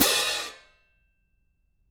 <region> pitch_keycenter=62 lokey=62 hikey=62 volume=0.000000 ampeg_attack=0.004000 ampeg_release=30.000000 sample=Idiophones/Struck Idiophones/Clash Cymbals 1/cymbal_crash1_short2.wav